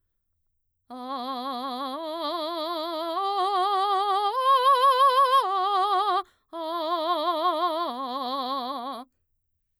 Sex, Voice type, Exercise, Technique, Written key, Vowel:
female, mezzo-soprano, arpeggios, vibrato, , a